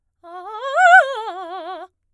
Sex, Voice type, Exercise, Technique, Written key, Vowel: female, soprano, arpeggios, fast/articulated piano, F major, a